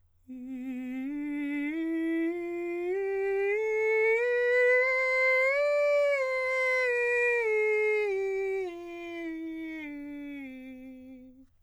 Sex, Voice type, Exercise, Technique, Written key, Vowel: male, countertenor, scales, straight tone, , i